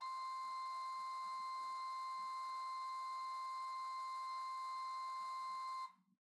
<region> pitch_keycenter=84 lokey=84 hikey=85 offset=36 ampeg_attack=0.004000 ampeg_release=0.300000 amp_veltrack=0 sample=Aerophones/Edge-blown Aerophones/Renaissance Organ/8'/RenOrgan_8foot_Room_C5_rr1.wav